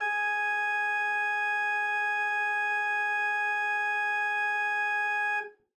<region> pitch_keycenter=68 lokey=68 hikey=69 volume=7.749759 ampeg_attack=0.004000 ampeg_release=0.300000 amp_veltrack=0 sample=Aerophones/Edge-blown Aerophones/Renaissance Organ/Full/RenOrgan_Full_Room_G#3_rr1.wav